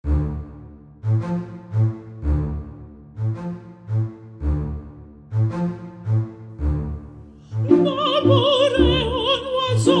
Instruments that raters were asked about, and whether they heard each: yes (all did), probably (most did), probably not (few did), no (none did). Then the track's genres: cello: yes
Classical